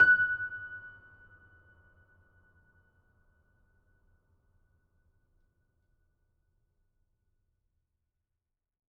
<region> pitch_keycenter=90 lokey=90 hikey=91 volume=-0.264628 lovel=66 hivel=99 locc64=65 hicc64=127 ampeg_attack=0.004000 ampeg_release=0.400000 sample=Chordophones/Zithers/Grand Piano, Steinway B/Sus/Piano_Sus_Close_F#6_vl3_rr1.wav